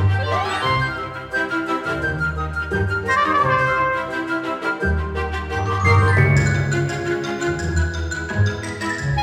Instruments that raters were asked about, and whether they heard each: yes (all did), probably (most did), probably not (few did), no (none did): accordion: no
trumpet: probably
mallet percussion: probably
trombone: probably